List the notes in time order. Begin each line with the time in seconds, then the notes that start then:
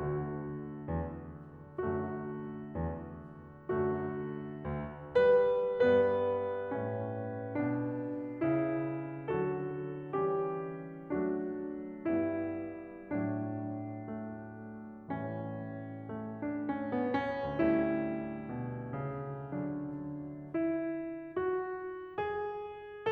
0.01 D2 D3 A3 F#4
0.86 E2
1.90 F#2 D3 A3 F#4
2.83 E2
3.69 F#2 D3 A3 F#4
4.64 D2
5.20 G3 B4
5.80 G2 G3 B3 B4
6.65 A2 C#4
7.59 B2 D4
8.42 C#3 E4
9.29 D3 F#3 F#4 A4
10.16 E3 G3 C#4 G4
11.11 F#3 A3 D4 F#4
12.07 G2 G3 B3 E4
13.13 A2 F#3 D4
14.20 A3
15.12 A2 G3
16.34 A3 D4
16.54 C#4
16.89 B3
17.26 C#4
17.67 D2 G3 A3 E4
18.47 B2
18.95 C#3
19.54 D3 F#3 D4
20.57 E4
21.33 F#4
22.19 G#4